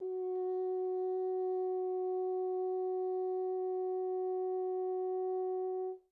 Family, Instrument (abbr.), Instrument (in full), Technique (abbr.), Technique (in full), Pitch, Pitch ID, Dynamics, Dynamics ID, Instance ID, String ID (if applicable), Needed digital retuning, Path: Brass, Hn, French Horn, ord, ordinario, F#4, 66, pp, 0, 0, , TRUE, Brass/Horn/ordinario/Hn-ord-F#4-pp-N-T10u.wav